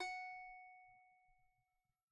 <region> pitch_keycenter=78 lokey=78 hikey=78 volume=14.475191 lovel=0 hivel=65 ampeg_attack=0.004000 ampeg_release=15.000000 sample=Chordophones/Composite Chordophones/Strumstick/Finger/Strumstick_Finger_Str3_Main_F#4_vl1_rr1.wav